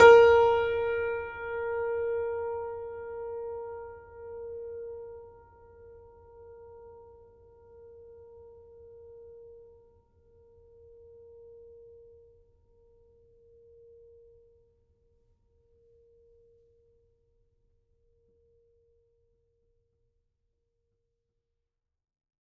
<region> pitch_keycenter=70 lokey=70 hikey=71 volume=-2.002490 lovel=100 hivel=127 locc64=65 hicc64=127 ampeg_attack=0.004000 ampeg_release=0.400000 sample=Chordophones/Zithers/Grand Piano, Steinway B/Sus/Piano_Sus_Close_A#4_vl4_rr1.wav